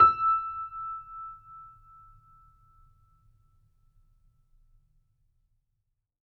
<region> pitch_keycenter=88 lokey=88 hikey=89 volume=-0.175001 lovel=66 hivel=99 locc64=0 hicc64=64 ampeg_attack=0.004000 ampeg_release=0.400000 sample=Chordophones/Zithers/Grand Piano, Steinway B/NoSus/Piano_NoSus_Close_E6_vl3_rr1.wav